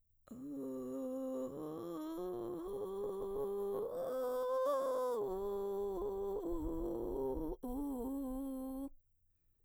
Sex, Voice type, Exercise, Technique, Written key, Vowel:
female, mezzo-soprano, arpeggios, vocal fry, , u